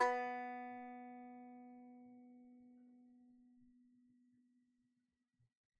<region> pitch_keycenter=59 lokey=59 hikey=60 volume=4.882690 lovel=66 hivel=99 ampeg_attack=0.004000 ampeg_release=15.000000 sample=Chordophones/Composite Chordophones/Strumstick/Finger/Strumstick_Finger_Str2_Main_B2_vl2_rr1.wav